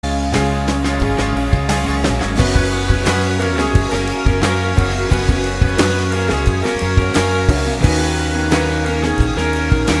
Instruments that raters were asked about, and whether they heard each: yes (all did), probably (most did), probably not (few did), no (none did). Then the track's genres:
cymbals: yes
Pop; Folk; Singer-Songwriter